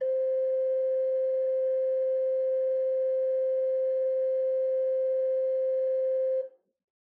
<region> pitch_keycenter=72 lokey=72 hikey=73 offset=206 ampeg_attack=0.004000 ampeg_release=0.300000 amp_veltrack=0 sample=Aerophones/Edge-blown Aerophones/Renaissance Organ/8'/RenOrgan_8foot_Room_C4_rr1.wav